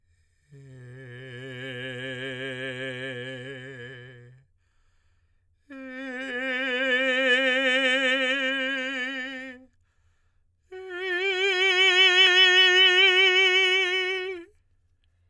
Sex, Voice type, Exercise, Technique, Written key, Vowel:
male, tenor, long tones, messa di voce, , e